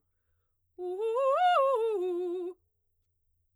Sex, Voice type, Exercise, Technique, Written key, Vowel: female, soprano, arpeggios, fast/articulated forte, F major, u